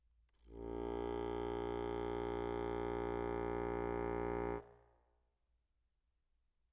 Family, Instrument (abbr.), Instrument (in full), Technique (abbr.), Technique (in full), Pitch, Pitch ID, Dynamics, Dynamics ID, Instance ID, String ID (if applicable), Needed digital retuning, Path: Keyboards, Acc, Accordion, ord, ordinario, A#1, 34, mf, 2, 1, , TRUE, Keyboards/Accordion/ordinario/Acc-ord-A#1-mf-alt1-T12u.wav